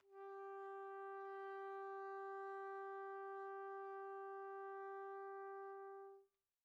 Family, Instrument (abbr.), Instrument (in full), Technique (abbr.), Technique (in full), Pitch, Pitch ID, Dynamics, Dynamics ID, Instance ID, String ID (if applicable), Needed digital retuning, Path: Brass, TpC, Trumpet in C, ord, ordinario, G4, 67, pp, 0, 0, , FALSE, Brass/Trumpet_C/ordinario/TpC-ord-G4-pp-N-N.wav